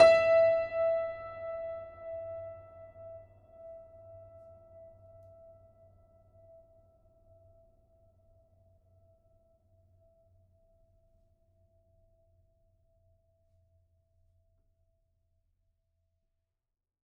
<region> pitch_keycenter=76 lokey=76 hikey=77 volume=0.729087 lovel=100 hivel=127 locc64=65 hicc64=127 ampeg_attack=0.004000 ampeg_release=0.400000 sample=Chordophones/Zithers/Grand Piano, Steinway B/Sus/Piano_Sus_Close_E5_vl4_rr1.wav